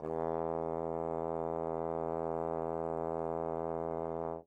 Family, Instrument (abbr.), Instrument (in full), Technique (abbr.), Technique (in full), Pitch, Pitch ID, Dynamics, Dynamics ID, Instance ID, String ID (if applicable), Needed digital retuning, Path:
Brass, Tbn, Trombone, ord, ordinario, E2, 40, mf, 2, 0, , FALSE, Brass/Trombone/ordinario/Tbn-ord-E2-mf-N-N.wav